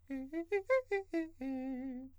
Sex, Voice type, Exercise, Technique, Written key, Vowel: male, countertenor, arpeggios, fast/articulated piano, C major, e